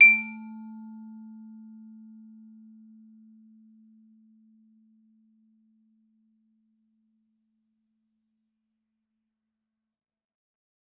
<region> pitch_keycenter=57 lokey=56 hikey=58 volume=4.208335 offset=111 lovel=84 hivel=127 ampeg_attack=0.004000 ampeg_release=15.000000 sample=Idiophones/Struck Idiophones/Vibraphone/Hard Mallets/Vibes_hard_A2_v3_rr1_Main.wav